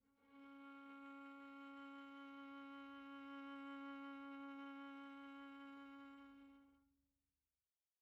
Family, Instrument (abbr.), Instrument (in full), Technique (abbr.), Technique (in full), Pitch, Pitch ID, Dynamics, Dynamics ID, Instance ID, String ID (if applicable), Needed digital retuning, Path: Strings, Va, Viola, ord, ordinario, C#4, 61, pp, 0, 2, 3, FALSE, Strings/Viola/ordinario/Va-ord-C#4-pp-3c-N.wav